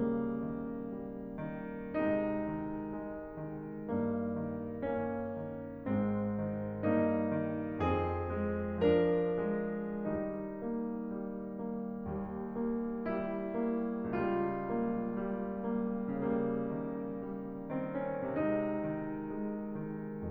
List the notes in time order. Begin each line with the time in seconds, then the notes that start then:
0.01 C#3 G3 A#3
0.40 D#3
0.90 G3
1.36 D#3
1.96 C3 G#3 D#4
2.48 D#3
2.90 G#3
3.29 D#3
3.86 G2 A#3
4.38 D#3
4.78 A#3 C#4
5.37 D#3
5.88 G#2 G#3 C4
6.38 D#3
6.80 G2 A#3 D#4
7.41 D#3
7.82 F2 C4 G#4
8.61 D#3
9.02 F3 D4 A#4
9.48 D#3
10.04 D#3 G3 D#4
10.63 A#3
11.13 G3
11.52 A#3
11.96 D#2 G3
12.57 A#3
13.10 G3 E4
13.66 A#3
14.10 C#2 G3 F4
14.72 A#3
15.30 G3
15.71 A#3
16.22 C#3 G3 A#3
16.75 D#3
17.24 G3
17.75 D#3 C4
18.02 C#4
18.38 C3 G#3 D#4
18.79 D#3
19.41 G#3
19.80 D#3